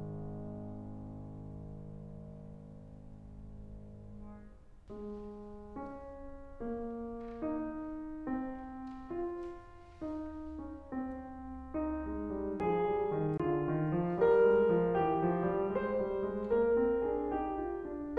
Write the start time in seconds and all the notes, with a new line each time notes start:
0.01 G#1 G#2 G#3
4.92 G#3
5.75 C#4
6.63 A#3
7.47 D#4
8.28 C4
9.15 F4
10.04 D#4
10.60 C#4
10.98 C4
11.77 D#4
12.05 G#3
12.34 G3
12.59 F3 G#4
12.88 G3
13.18 D#3
13.44 D3 F4
13.71 D#3
13.96 F3
14.20 G3 A#4
14.48 G#3
14.73 F3
14.99 E3 G4
15.23 F3
15.44 G3
15.77 G#3 C5
16.04 G3
16.29 G#3
16.53 A#3 A#4
16.86 C4
17.08 C#4 G#4
17.37 D#4 G4
17.62 F4
17.90 D4